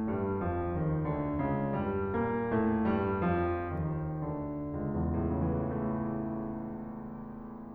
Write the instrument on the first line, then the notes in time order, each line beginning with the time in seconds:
piano
0.00 G2 G3
0.39 F2 F3
0.71 D#2 D#3
1.06 D2 D3
1.40 C#2 C#3
1.72 G2 G3
2.12 A#2 A#3
2.50 A2 A3
2.83 G2 G3
3.31 F2 F3
3.73 D#2 D#3
4.25 D2 D3
4.78 C#2
4.95 E2
5.04 A2
5.14 C#3
5.35 E3
5.51 A3